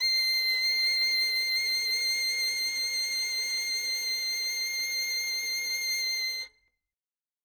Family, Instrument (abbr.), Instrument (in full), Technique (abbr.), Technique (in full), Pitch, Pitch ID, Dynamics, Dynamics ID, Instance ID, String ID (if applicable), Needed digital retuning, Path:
Strings, Vn, Violin, ord, ordinario, C7, 96, ff, 4, 0, 1, TRUE, Strings/Violin/ordinario/Vn-ord-C7-ff-1c-T30d.wav